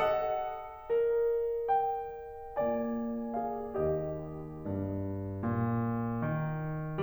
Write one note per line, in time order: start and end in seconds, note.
0.01 0.92 A4
0.01 1.67 D#5
0.01 1.67 F#5
0.93 2.84 A#4
1.68 2.84 G5
2.87 3.70 A#3
2.87 3.37 F4
2.87 3.70 A#4
2.87 3.37 G#5
3.39 3.70 G#4
3.39 3.72 F5
3.72 4.59 D#2
3.72 5.41 G4
3.72 5.41 D#5
4.60 5.41 G2
5.41 6.30 A#2
6.30 7.02 D#3